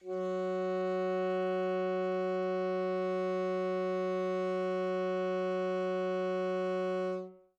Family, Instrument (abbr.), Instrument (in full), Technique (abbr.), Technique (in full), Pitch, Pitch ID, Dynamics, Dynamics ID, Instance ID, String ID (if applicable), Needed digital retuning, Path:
Winds, ASax, Alto Saxophone, ord, ordinario, F#3, 54, mf, 2, 0, , FALSE, Winds/Sax_Alto/ordinario/ASax-ord-F#3-mf-N-N.wav